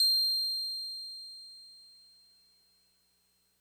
<region> pitch_keycenter=108 lokey=107 hikey=109 volume=11.999012 lovel=66 hivel=99 ampeg_attack=0.004000 ampeg_release=0.100000 sample=Electrophones/TX81Z/Piano 1/Piano 1_C7_vl2.wav